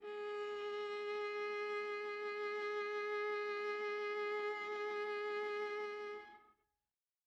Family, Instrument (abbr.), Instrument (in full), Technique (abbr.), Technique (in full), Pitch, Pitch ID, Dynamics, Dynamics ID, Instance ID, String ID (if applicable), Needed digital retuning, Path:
Strings, Va, Viola, ord, ordinario, G#4, 68, mf, 2, 3, 4, TRUE, Strings/Viola/ordinario/Va-ord-G#4-mf-4c-T11u.wav